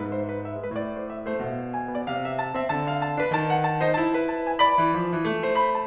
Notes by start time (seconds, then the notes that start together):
0.00 G#3 B3 E4 B4
0.08 G#2 C5
0.30 B4
0.42 E5
0.63 G#3 B4
0.73 A2 D5
0.98 C5
1.10 E5
1.30 A3 C5
1.40 B2 E5
1.61 D5
1.72 G#5
1.97 B3 D5
2.07 C3 F5
2.28 E5
2.37 A5
2.58 C4 E5
2.69 D3 A5
2.91 F5
3.02 A5
3.20 D4 B4
3.30 D#3 A5
3.49 F#5
3.60 A5
3.83 D#4 C5
3.91 E4 A5
4.13 B4
4.23 A5
4.48 G#5
4.57 D5 B5
4.82 E3
4.95 F3
5.17 E3
5.27 A3
5.43 C5
5.56 B5
5.77 A5